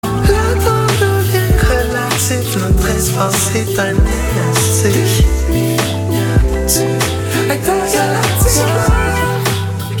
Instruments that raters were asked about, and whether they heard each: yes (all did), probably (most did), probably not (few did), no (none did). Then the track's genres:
voice: yes
Soul-RnB